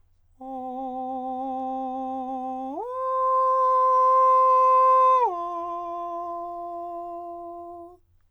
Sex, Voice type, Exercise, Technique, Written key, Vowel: male, countertenor, long tones, straight tone, , o